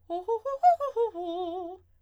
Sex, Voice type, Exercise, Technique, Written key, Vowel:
female, soprano, arpeggios, fast/articulated forte, F major, o